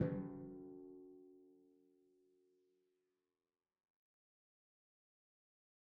<region> pitch_keycenter=54 lokey=54 hikey=55 tune=-39 volume=21.710224 lovel=66 hivel=99 seq_position=1 seq_length=2 ampeg_attack=0.004000 ampeg_release=30.000000 sample=Membranophones/Struck Membranophones/Timpani 1/Hit/Timpani5_Hit_v3_rr1_Sum.wav